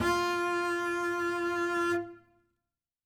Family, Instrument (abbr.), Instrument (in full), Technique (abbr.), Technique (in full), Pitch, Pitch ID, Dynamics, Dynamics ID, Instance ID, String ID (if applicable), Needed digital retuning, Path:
Strings, Cb, Contrabass, ord, ordinario, F4, 65, ff, 4, 0, 1, FALSE, Strings/Contrabass/ordinario/Cb-ord-F4-ff-1c-N.wav